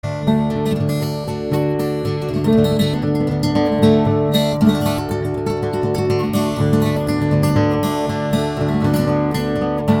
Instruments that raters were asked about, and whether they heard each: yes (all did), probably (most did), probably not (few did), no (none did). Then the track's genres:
piano: probably not
cymbals: no
organ: no
guitar: yes
Blues; Folk; Instrumental